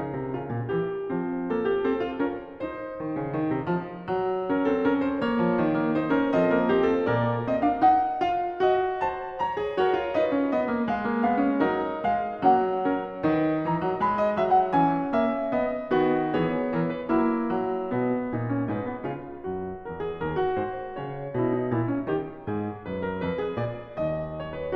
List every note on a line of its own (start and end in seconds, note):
0.00 0.15 C#3
0.00 0.34 D#4
0.15 0.34 C3
0.34 0.52 C#3
0.34 0.70 F4
0.52 0.70 A#2
0.70 1.04 E3
0.70 1.04 G4
1.04 3.02 F3
1.04 1.51 C4
1.51 1.85 A#3
1.51 1.67 A4
1.67 1.85 G4
1.85 2.22 C4
1.85 2.00 A4
2.00 2.22 F4
2.22 2.58 C#4
2.22 2.58 A#4
2.58 4.47 D#4
2.58 4.47 B4
3.02 3.17 D#3
3.17 3.36 C#3
3.36 3.54 D#3
3.54 3.69 C3
3.69 4.08 F3
4.08 5.38 F#3
4.47 4.64 C#4
4.47 4.64 A#4
4.64 4.81 C4
4.64 4.81 A4
4.81 5.15 C#4
4.81 4.98 A#4
4.98 5.15 C5
5.15 5.71 A#3
5.15 5.94 C#5
5.38 5.56 E3
5.56 6.33 D#3
5.71 5.94 A#3
5.94 6.12 D#4
5.94 6.12 C5
6.12 6.33 C#4
6.12 6.33 A#4
6.33 7.07 F3
6.33 6.51 C4
6.33 6.51 A4
6.33 7.07 D#5
6.51 6.70 A#3
6.51 6.70 A#4
6.70 7.07 C4
6.70 6.91 G4
6.91 7.07 A4
7.07 7.80 A#2
7.07 7.45 A#3
7.07 8.61 A#4
7.07 7.45 D5
7.45 7.62 C4
7.45 7.62 D#5
7.62 7.80 D4
7.62 7.80 F5
7.80 8.22 D#4
7.80 8.22 F#5
8.22 8.61 F4
8.22 8.61 F5
8.61 9.42 F#4
8.61 9.03 D#5
9.03 9.42 C5
9.03 9.42 A5
9.42 9.79 C#5
9.42 9.79 A#5
9.61 9.79 G#4
9.79 9.97 F#4
9.79 10.14 A#4
9.79 10.14 C#5
9.97 10.14 F4
10.14 10.36 D#4
10.14 10.88 B4
10.14 10.53 D#5
10.36 10.53 C#4
10.53 10.69 B3
10.53 10.88 D#5
10.69 10.88 A#3
10.88 11.59 G#3
10.88 11.22 F5
11.04 11.22 A#3
11.22 11.39 B3
11.22 11.59 F5
11.39 11.59 C#4
11.59 12.04 F#3
11.59 12.42 D#4
11.59 12.04 A#4
12.04 12.42 G#3
12.04 12.42 F5
12.42 13.29 F#3
12.42 12.88 A#3
12.42 12.88 C#4
12.42 13.66 F#5
12.88 13.29 C#4
12.88 13.29 A#4
13.29 13.66 D#3
13.29 14.73 D#4
13.29 14.02 B4
13.66 13.84 E3
13.66 14.02 A#5
13.84 14.02 F#3
14.02 14.33 G#3
14.02 15.10 B5
14.19 14.33 D#5
14.33 14.73 F#3
14.33 14.54 E5
14.54 14.73 F#5
14.73 15.10 E3
14.73 15.94 C#4
14.73 15.10 G#5
15.10 15.53 A#3
15.10 15.53 E5
15.53 15.94 B3
15.53 16.37 D#5
15.94 16.37 D#3
15.94 16.37 B3
15.94 16.37 F#4
16.37 16.74 E3
16.37 16.74 B3
16.37 16.74 G#4
16.37 18.74 C#5
16.74 17.10 E3
16.74 16.95 A#4
16.95 17.10 B4
17.10 17.58 F#3
17.10 17.58 A#3
17.10 18.40 E4
17.58 17.97 F#3
17.97 18.40 B2
17.97 18.74 B3
18.40 18.74 A#2
18.40 18.58 D#4
18.58 18.74 C#4
18.74 19.06 G#2
18.74 18.91 D#4
18.74 19.90 B4
18.91 19.06 B3
19.06 19.48 C#3
19.06 19.48 F4
19.48 19.90 F#2
19.48 21.34 F#4
19.90 20.25 E2
19.90 20.07 A#4
20.07 20.25 G#4
20.25 20.62 D#2
20.25 20.41 A#4
20.41 20.62 F#4
20.62 21.00 G#2
20.62 21.00 C5
21.00 21.34 C#3
21.00 22.85 C#5
21.34 21.72 B2
21.34 21.52 E4
21.52 21.72 D#4
21.72 22.09 A#2
21.72 21.88 E4
21.88 22.09 C#4
22.09 22.49 D#3
22.09 22.49 G4
22.49 22.85 G#2
22.49 24.76 G#4
22.85 23.25 F#2
22.85 23.03 B4
23.03 23.25 A#4
23.25 23.60 F2
23.25 23.44 B4
23.44 23.60 G#4
23.60 23.99 A#2
23.60 23.99 D5
23.99 24.76 D#2
23.99 24.38 D#5
24.38 24.59 C#5
24.59 24.76 B4